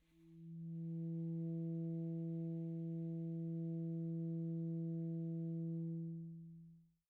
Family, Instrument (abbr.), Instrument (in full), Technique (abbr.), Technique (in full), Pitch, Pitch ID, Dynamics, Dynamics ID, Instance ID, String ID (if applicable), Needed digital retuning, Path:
Winds, ASax, Alto Saxophone, ord, ordinario, E3, 52, pp, 0, 0, , FALSE, Winds/Sax_Alto/ordinario/ASax-ord-E3-pp-N-N.wav